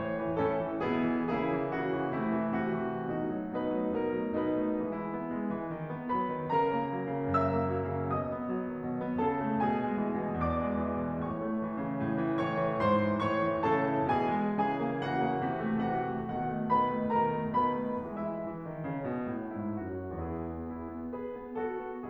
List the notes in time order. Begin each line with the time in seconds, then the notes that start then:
0.00 A2 C#5
0.22 E3
0.39 A2 C#4 E4 A4
0.59 E3
0.78 B2 B3 E4 G#4
0.96 E3
1.23 C#3 A#3 E4 G#4
1.51 E3
1.71 C#3 F#4
1.95 E3
2.14 C3 A3 E4
2.33 E3
2.60 C3 F#4
2.84 E3
3.07 B2 A3 D#4 F#4
3.26 F#3
3.52 B2 D#4 B4
3.75 F#3 A3
3.95 B2 A#4
4.14 F#3 A3
4.34 B2 D#4 B4
4.59 F#3 A3
4.79 E3 G#3 E4
5.04 B3
5.28 G#3
5.48 E3
5.69 D#3
5.91 B3
6.11 F#3 B4 B5
6.36 D#3
6.56 C#3 A#4 A#5
6.73 A#3
6.94 F#3
7.14 C#3
7.31 F#2 E5 E6
7.52 A#3
7.72 F#3
7.95 C#3
8.14 B2 D#5 D#6
8.34 B3
8.51 F#3
8.66 D#3
8.85 B2
9.02 B3
9.20 C#3 A4 A5
9.42 A3
9.60 B2 G#4 G#5
9.76 G#3
9.97 E3
10.21 B2
10.43 E2 D5 D6
10.66 G#3
10.81 E3
10.99 B2
11.24 A2 C#5 C#6
11.39 A3
11.62 E3
11.83 C#3
12.04 A2
12.24 E3
12.41 G#2 C#5 C#6
12.60 E3
12.81 G#2 C5 C6
13.05 E3
13.28 A2 C#5 C#6
13.46 E3
13.62 A2 C#3 A4 A5
13.85 E3
14.07 B2 E3 G#4 G#5
14.30 G#3
14.55 C#3 E3 G#4 G#5
14.78 A#3
14.98 C#3 E3 F#4 F#5
15.17 A#3
15.43 C3 E3
15.63 A3
15.88 C3 E3 F#4 F#5
16.08 A3
16.32 B2 D#3 F#4 F#5
16.51 A3
16.74 B2 D#3 B4 B5
16.94 A3
17.11 B2 D#3 A#4 A#5
17.33 A3
17.55 B2 D#3 B4 B5
17.83 A3
18.10 E3 G#3 E4 E5
18.47 E3
18.66 D#3
18.89 C#3
19.10 B2
19.28 A2
19.62 G#2 E4
19.95 F#2 F#4
20.24 E2 E4 G#4
20.45 B3
20.71 E4
20.98 B3
21.20 G#4 B4
21.43 B3
21.68 F#4 A4
21.88 B3